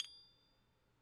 <region> pitch_keycenter=93 lokey=93 hikey=94 volume=26.486083 lovel=0 hivel=65 ampeg_attack=0.004000 ampeg_release=30.000000 sample=Idiophones/Struck Idiophones/Tubular Glockenspiel/A1_quiet1.wav